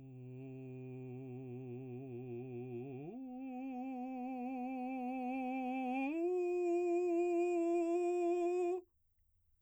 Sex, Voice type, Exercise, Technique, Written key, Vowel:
male, baritone, long tones, full voice pianissimo, , u